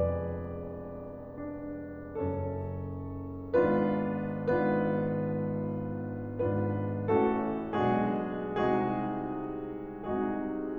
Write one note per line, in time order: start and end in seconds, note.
0.00 2.16 E1
0.00 2.16 E2
0.00 2.16 G#4
0.00 2.16 B4
0.00 2.16 D5
1.44 2.16 D4
2.17 3.58 F#1
2.17 3.58 F#2
2.17 3.58 C#4
2.17 3.58 A4
2.17 3.58 C#5
3.59 4.37 G#1
3.59 4.37 G#2
3.59 4.37 B3
3.59 4.37 D4
3.59 4.37 F4
3.59 4.37 B4
4.38 6.44 G#1
4.38 6.44 G#2
4.38 6.44 B3
4.38 6.44 D4
4.38 6.44 F4
4.38 6.44 B4
6.46 7.11 G#1
6.46 7.11 G#2
6.46 7.11 B3
6.46 7.11 D4
6.46 7.11 F4
6.46 7.11 B4
7.13 7.80 A1
7.13 7.80 A2
7.13 7.80 A3
7.13 7.80 C#4
7.13 7.80 F#4
7.13 7.80 A4
7.81 8.58 B1
7.81 8.58 B2
7.81 8.58 G#3
7.81 8.58 D4
7.81 8.58 F#4
7.81 8.58 G#4
8.59 10.01 C2
8.59 10.01 C3
8.59 10.01 G#3
8.59 10.01 D#4
8.59 10.01 F#4
8.59 10.01 G#4
10.02 10.79 C2
10.02 10.79 C3
10.02 10.79 G#3
10.02 10.79 D#4
10.02 10.79 F#4
10.02 10.79 G#4